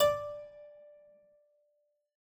<region> pitch_keycenter=74 lokey=74 hikey=75 volume=-1.510287 trigger=attack ampeg_attack=0.004000 ampeg_release=0.350000 amp_veltrack=0 sample=Chordophones/Zithers/Harpsichord, English/Sustains/Lute/ZuckermannKitHarpsi_Lute_Sus_D4_rr1.wav